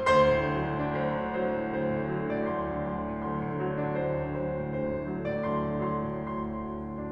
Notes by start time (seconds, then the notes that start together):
0.00 D2 C5 C6
0.29 A2
0.46 D3
0.60 F#3
0.71 D3
0.84 A2
0.89 D4
0.99 D2 C5
1.13 A2
1.24 D3
1.35 F#3 C5
1.51 D3
1.59 A2
1.71 D2 C5
1.82 A2
1.94 D3
2.05 F#3
2.21 D3
2.31 A2 D5
2.41 D2 C6
2.52 A2
2.71 D3
2.81 F#3 C6
2.91 D3
3.11 A2
3.24 D2 C6
3.37 A2
3.48 D3
3.60 F#3
3.72 D3
3.84 A2 D4
3.96 D2 C5
4.08 A2
4.20 D3
4.34 F#3 C5
4.47 D3
4.56 A2
4.68 D2 C5
4.78 A2
4.89 D3
4.99 F#3
5.10 D3
5.22 A2 D5
5.38 D2 C6
5.51 A2
5.63 D3
5.72 F#3 C6
5.87 D3
6.14 A2
6.30 D2 C6